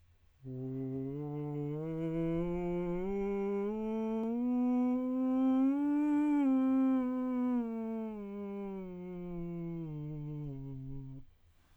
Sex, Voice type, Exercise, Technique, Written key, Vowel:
male, tenor, scales, breathy, , u